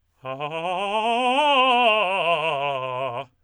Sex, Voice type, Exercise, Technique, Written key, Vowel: male, tenor, scales, fast/articulated forte, C major, a